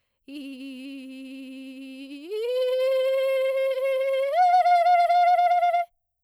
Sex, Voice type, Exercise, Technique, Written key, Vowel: female, soprano, long tones, trillo (goat tone), , i